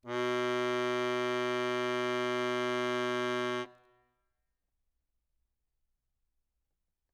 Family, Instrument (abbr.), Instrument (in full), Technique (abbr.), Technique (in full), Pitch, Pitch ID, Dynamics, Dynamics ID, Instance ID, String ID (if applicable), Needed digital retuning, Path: Keyboards, Acc, Accordion, ord, ordinario, B2, 47, ff, 4, 1, , TRUE, Keyboards/Accordion/ordinario/Acc-ord-B2-ff-alt1-T13u.wav